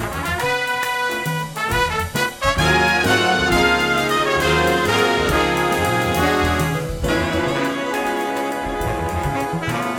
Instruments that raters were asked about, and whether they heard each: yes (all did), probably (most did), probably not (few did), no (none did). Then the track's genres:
accordion: no
trombone: yes
organ: no
trumpet: yes
Blues; Jazz; Big Band/Swing